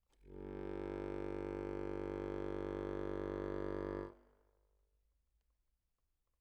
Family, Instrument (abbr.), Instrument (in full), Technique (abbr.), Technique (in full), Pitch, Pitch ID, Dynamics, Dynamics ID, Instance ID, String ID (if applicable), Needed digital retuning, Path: Keyboards, Acc, Accordion, ord, ordinario, G1, 31, mf, 2, 1, , TRUE, Keyboards/Accordion/ordinario/Acc-ord-G1-mf-alt1-T18u.wav